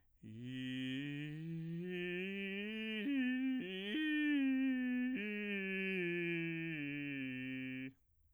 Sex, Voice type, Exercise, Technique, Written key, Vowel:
male, bass, scales, vocal fry, , i